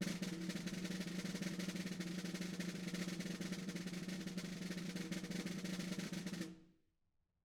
<region> pitch_keycenter=64 lokey=64 hikey=64 volume=19.037785 offset=209 lovel=0 hivel=83 ampeg_attack=0.004000 ampeg_release=0.3 sample=Membranophones/Struck Membranophones/Snare Drum, Modern 2/Snare3M_rollSN_v3_rr1_Mid.wav